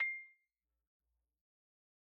<region> pitch_keycenter=84 lokey=82 hikey=87 volume=12.180884 lovel=0 hivel=83 ampeg_attack=0.004000 ampeg_release=15.000000 sample=Idiophones/Struck Idiophones/Xylophone/Soft Mallets/Xylo_Soft_C6_pp_01_far.wav